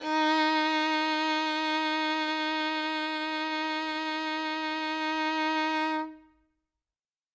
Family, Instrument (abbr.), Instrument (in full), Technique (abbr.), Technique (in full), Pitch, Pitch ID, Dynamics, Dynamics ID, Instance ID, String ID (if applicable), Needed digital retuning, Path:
Strings, Vn, Violin, ord, ordinario, D#4, 63, ff, 4, 3, 4, TRUE, Strings/Violin/ordinario/Vn-ord-D#4-ff-4c-T10u.wav